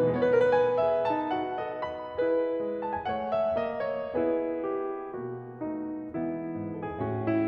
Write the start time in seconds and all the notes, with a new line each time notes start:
0.00 C#3
0.07 E3
0.17 G#3
0.24 B3 C#5
0.30 B4
0.36 A#4
0.42 B4
0.50 G#5
0.77 G#4 E5
1.07 D#4 A5
1.30 F#4 F#5
1.59 A4 D#5
1.85 B5
2.11 E4 G#4 B4
2.62 G#3
2.84 A5
2.95 G#5
3.05 A3 F#5
3.31 E5
3.54 A#3 D#5
3.89 C#5
4.09 B3 E4 G#4 B4
4.67 G4
5.15 B2 A#3 F#4
5.60 A3 D#4
6.18 E3 G#3 B3 E4 B4
6.57 G#2
6.77 A4
6.87 G#4
7.04 A2 F#4
7.26 E4